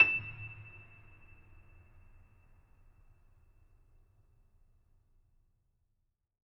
<region> pitch_keycenter=100 lokey=100 hikey=101 volume=1.791189 lovel=0 hivel=65 locc64=65 hicc64=127 ampeg_attack=0.004000 ampeg_release=10.400000 sample=Chordophones/Zithers/Grand Piano, Steinway B/Sus/Piano_Sus_Close_E7_vl2_rr1.wav